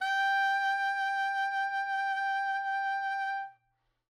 <region> pitch_keycenter=79 lokey=78 hikey=79 tune=3 volume=13.361822 offset=114 ampeg_attack=0.004000 ampeg_release=0.500000 sample=Aerophones/Reed Aerophones/Tenor Saxophone/Vibrato/Tenor_Vib_Main_G4_var3.wav